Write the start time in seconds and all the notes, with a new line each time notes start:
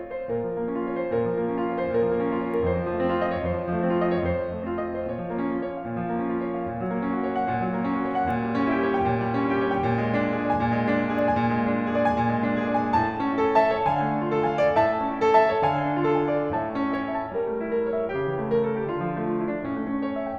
0.00 C#5
0.14 C5
0.31 A#2 A#4
0.49 F3
0.59 A#3
0.71 C#4 F4
0.85 C#5
0.98 C5
1.10 A#2 A#4
1.22 F3
1.37 A#3
1.51 C#4 F4
1.64 C#5
1.76 C5
1.88 A#2 A#4
2.01 F3
2.11 A#3
2.28 C#4 F4
2.38 C#5
2.53 A#4
2.67 F2 C5
2.79 F3
2.94 A3
3.08 C4 F4
3.19 D#5
3.32 C#5
3.48 F2 C5
3.59 F3
3.75 A3
3.82 C4 F4
3.98 D#5
4.04 C#5
4.13 F2 F3 C5
4.20 A3 C4 F4
4.38 D#5
4.44 C#5
4.49 F2 C5
4.54 F3
4.68 A3
4.81 C4 F4
4.90 D#5
5.04 C5
5.10 A#2 C#5
5.18 F3
5.29 A#3
5.45 C#4 F4
5.53 C#5
5.67 F5
5.80 A#2
5.92 F3
6.08 A#3
6.14 C#4 F4
6.19 A#2 C#5 F5
6.33 F3
6.39 A#3
6.44 C#4 F4
6.51 C#5
6.57 F5
6.68 A#2
6.80 F#3
6.94 A#3
7.05 C#4 F#4
7.19 C#5
7.35 F#5
7.49 A#2
7.65 F#3
7.80 A#3
7.87 C#4 F#4
8.00 C#5
8.14 F#5
8.28 A#2
8.42 G3
8.54 C#4
8.66 E4 G4
8.78 C#5
8.93 G5
9.07 A#2
9.23 G3
9.39 C#4
9.54 E4 G4
9.67 C#5
9.72 G5
9.83 A#2
10.00 G#3
10.15 D4
10.26 F4 G#4
10.39 D5
10.54 G#5
10.65 A#2
10.81 G#3
10.94 D4
11.09 F4 G#4
11.17 D5
11.30 G#5
11.47 A#2
11.61 G#3
11.74 D4
11.81 F4 G#4
11.95 D5
12.04 G#5
12.17 A#2
12.31 G#3
12.45 D4
12.59 F4 G#4
12.68 D5
12.82 G#5
12.95 A2 A5
13.12 A3
13.26 C#4
13.40 E4 A4
13.55 E5 A5
13.70 C#5
13.87 D3 F5 G#5
14.04 A3
14.15 D4
14.28 F4 A4
14.43 F5 G#5
14.57 D5
14.81 A2 E5 A5
14.95 A3
15.12 C#4
15.23 E4 A4
15.37 E5 A5
15.51 C#5
15.69 D3 F5 G#5
15.82 A3
16.00 D4
16.15 F4 A4
16.27 F5 G#5
16.42 D5
16.54 A2 C#5 E5 A5
16.66 A3
16.76 C#4
16.88 E4 C#5
17.04 E5
17.22 G5
17.36 G3 A#4
17.52 A3
17.59 E4
17.73 A#4
17.86 C#5
17.97 E5
18.11 C#3 G4
18.25 E3
18.41 A3
18.55 A#4
18.65 A4
18.75 G4
18.90 D3 F4
19.02 F3
19.19 A3
19.32 F4
19.45 E4
19.59 D4
19.68 A2 C#4
19.80 A3
19.92 C#4
20.07 E4 C#5
20.18 E5
20.27 G5